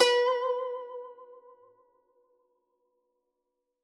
<region> pitch_keycenter=71 lokey=70 hikey=72 volume=4.086441 lovel=84 hivel=127 ampeg_attack=0.004000 ampeg_release=0.300000 sample=Chordophones/Zithers/Dan Tranh/Vibrato/B3_vib_ff_1.wav